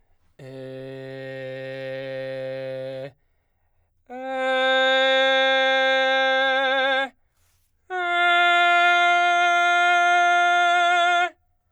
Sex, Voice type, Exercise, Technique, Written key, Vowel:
male, baritone, long tones, full voice forte, , e